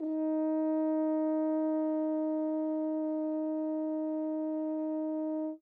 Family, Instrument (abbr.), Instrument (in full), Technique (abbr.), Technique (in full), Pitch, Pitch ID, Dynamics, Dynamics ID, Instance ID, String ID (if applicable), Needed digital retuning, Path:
Brass, Hn, French Horn, ord, ordinario, D#4, 63, mf, 2, 0, , FALSE, Brass/Horn/ordinario/Hn-ord-D#4-mf-N-N.wav